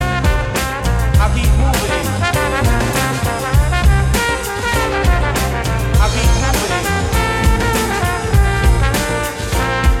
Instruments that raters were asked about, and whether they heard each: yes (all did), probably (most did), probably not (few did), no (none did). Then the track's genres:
saxophone: yes
Funk; Hip-Hop; Bigbeat